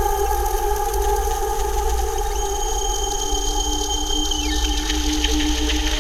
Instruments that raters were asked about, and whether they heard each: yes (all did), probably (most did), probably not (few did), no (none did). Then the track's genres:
flute: probably not
Experimental; Ambient